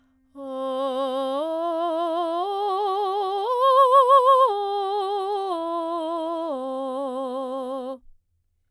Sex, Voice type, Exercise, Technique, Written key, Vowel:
female, soprano, arpeggios, vibrato, , o